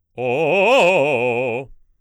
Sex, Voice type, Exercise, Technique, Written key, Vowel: male, baritone, arpeggios, fast/articulated forte, C major, o